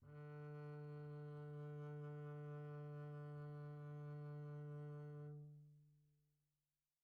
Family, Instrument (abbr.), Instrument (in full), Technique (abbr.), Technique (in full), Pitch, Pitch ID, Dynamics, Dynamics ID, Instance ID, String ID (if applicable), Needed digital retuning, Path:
Strings, Cb, Contrabass, ord, ordinario, D3, 50, pp, 0, 0, 1, FALSE, Strings/Contrabass/ordinario/Cb-ord-D3-pp-1c-N.wav